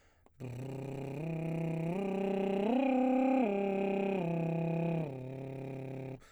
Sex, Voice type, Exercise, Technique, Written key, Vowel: male, baritone, arpeggios, lip trill, , a